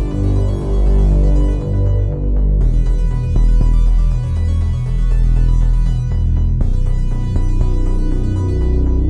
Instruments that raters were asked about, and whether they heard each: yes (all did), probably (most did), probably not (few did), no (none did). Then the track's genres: banjo: no
synthesizer: yes
ukulele: no
Soundtrack